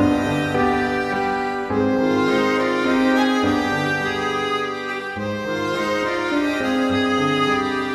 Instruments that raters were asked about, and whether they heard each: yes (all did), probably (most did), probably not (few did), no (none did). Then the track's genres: violin: probably
voice: no
mallet percussion: probably not
organ: yes
accordion: probably not
Classical